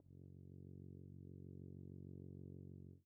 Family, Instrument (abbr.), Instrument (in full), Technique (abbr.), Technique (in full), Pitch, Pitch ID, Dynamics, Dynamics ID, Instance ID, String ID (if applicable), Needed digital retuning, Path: Brass, BTb, Bass Tuba, ord, ordinario, F#1, 30, pp, 0, 0, , FALSE, Brass/Bass_Tuba/ordinario/BTb-ord-F#1-pp-N-N.wav